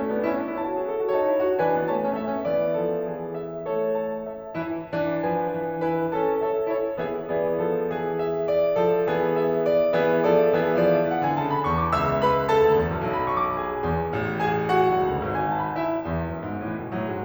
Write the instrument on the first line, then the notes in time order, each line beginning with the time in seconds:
piano
0.00 A3 C#4 A4
0.19 B3 D4
0.36 C#4 E4
0.49 D4
0.58 E4 C#5 A5
0.72 F#4
0.84 G#4
1.02 A4
1.16 F#4 C#5 A5
1.27 D#4
1.39 E4
1.50 F#4
1.61 E3 D4 B4 G#5
1.75 B3
1.87 A3 C#5 A5
1.99 C#4
2.10 A3 E5
2.26 C#4
2.44 E3 B3 D5
2.76 F3 A4
3.02 E3 G#4
3.36 E5
3.67 A3 A4 C#5
4.01 A5
4.27 C#4 E5
4.54 E3 E4
4.90 E3 D4
5.24 F3 B4 G#5
5.55 E3
5.80 E4 B4 G#5
6.11 C#4 A4 A5
6.39 A4 C#5 E5
6.63 E4 A4 C#5
6.97 E3 B3 G#4 E5
7.33 E3 B3 G#4 D5
7.70 F3 A4
8.20 E5
8.56 E3 B3 G#4 D5
8.77 F3 A4
9.03 E3 G#4
9.32 E5
9.60 D5
9.93 E3 B3 G#4 E5
10.23 F3 A4 D5
10.57 E3 B3 G#4 E5
10.83 F3 D5
10.99 E5
11.11 E3 F#5
11.25 D3 G#5
11.40 C#3 A5
11.52 B5
11.67 E2 C#6
11.81 D6
11.95 C#2 E5 E6
12.23 B4 B5
12.52 A4 A5
12.68 D2
12.81 E2
12.91 F#2
13.01 B1
13.14 B5
13.31 C#6
13.48 D6
13.60 G#4 G#5
13.86 E2
14.13 A1
14.38 G#4 G#5
14.76 F#4 F#5
14.92 B1
15.02 C#2
15.14 D2
15.24 G#1
15.37 G#5
15.51 A5
15.62 B5
15.77 E4 E5
16.03 E2
16.31 F#2
16.44 G#2
16.70 A2 E3
16.82 B2
16.93 A2 F#3
17.07 G#2 G#3